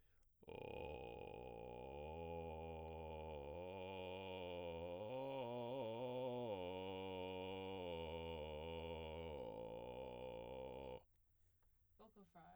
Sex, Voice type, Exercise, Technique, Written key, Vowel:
male, baritone, arpeggios, vocal fry, , o